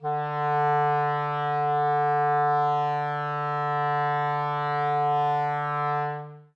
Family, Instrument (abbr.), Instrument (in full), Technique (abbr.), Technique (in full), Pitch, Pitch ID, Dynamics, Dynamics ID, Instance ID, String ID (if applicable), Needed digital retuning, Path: Winds, ClBb, Clarinet in Bb, ord, ordinario, D3, 50, ff, 4, 0, , TRUE, Winds/Clarinet_Bb/ordinario/ClBb-ord-D3-ff-N-T31u.wav